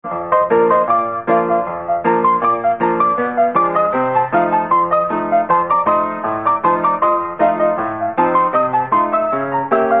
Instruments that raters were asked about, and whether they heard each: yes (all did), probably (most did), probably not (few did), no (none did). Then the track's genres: piano: yes
Old-Time / Historic; Instrumental